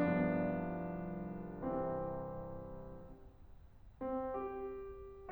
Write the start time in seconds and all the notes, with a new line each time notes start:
0.01 C2 G2 F3 B3 D4
1.63 C3 E3 C4
4.02 C4
4.31 G4